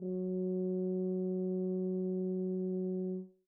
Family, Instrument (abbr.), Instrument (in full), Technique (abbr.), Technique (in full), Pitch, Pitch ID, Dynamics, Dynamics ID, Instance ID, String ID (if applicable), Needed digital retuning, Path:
Brass, BTb, Bass Tuba, ord, ordinario, F#3, 54, mf, 2, 0, , FALSE, Brass/Bass_Tuba/ordinario/BTb-ord-F#3-mf-N-N.wav